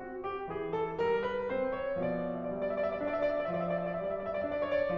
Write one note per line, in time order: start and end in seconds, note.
0.01 0.48 C4
0.01 0.26 F#4
0.28 0.48 G4
0.49 0.97 E3
0.49 0.74 G#4
0.75 0.97 A4
0.98 1.49 G3
0.98 1.21 A#4
1.22 1.49 B4
1.49 2.01 C4
1.49 1.75 C5
1.77 2.01 C#5
2.03 3.45 B2
2.03 2.54 F3
2.03 2.28 D5
2.19 2.40 E5
2.29 2.54 D5
2.41 2.65 E5
2.56 2.98 G3
2.56 2.76 D5
2.66 2.85 E5
2.76 2.98 D5
2.85 3.08 E5
2.99 3.45 D4
2.99 3.22 D5
3.09 3.33 E5
3.22 3.45 D5
3.34 3.56 E5
3.47 3.95 F3
3.47 3.69 D5
3.57 3.80 E5
3.70 3.95 D5
3.85 4.07 E5
3.96 4.45 G3
3.96 4.16 D5
4.08 4.29 E5
4.16 4.45 D5
4.31 4.58 E5
4.46 4.97 D4
4.46 4.68 D5
4.58 4.84 E5
4.70 4.97 C#5
4.86 4.97 D5